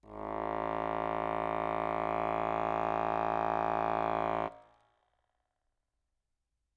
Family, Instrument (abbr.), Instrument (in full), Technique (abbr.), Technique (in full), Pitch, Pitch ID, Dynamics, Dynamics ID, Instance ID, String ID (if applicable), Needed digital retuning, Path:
Keyboards, Acc, Accordion, ord, ordinario, A1, 33, ff, 4, 0, , TRUE, Keyboards/Accordion/ordinario/Acc-ord-A1-ff-N-T22u.wav